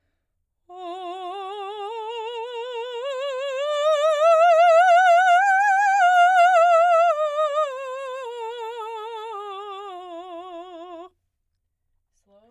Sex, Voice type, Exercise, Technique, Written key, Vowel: female, soprano, scales, slow/legato piano, F major, o